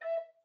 <region> pitch_keycenter=76 lokey=76 hikey=76 tune=28 volume=15.986536 offset=303 ampeg_attack=0.004000 ampeg_release=10.000000 sample=Aerophones/Edge-blown Aerophones/Baroque Bass Recorder/Staccato/BassRecorder_Stac_E4_rr1_Main.wav